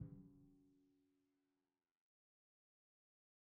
<region> pitch_keycenter=54 lokey=54 hikey=55 tune=-38 volume=40.122462 lovel=0 hivel=65 seq_position=1 seq_length=2 ampeg_attack=0.004000 ampeg_release=30.000000 sample=Membranophones/Struck Membranophones/Timpani 1/Hit/Timpani5_Hit_v2_rr1_Sum.wav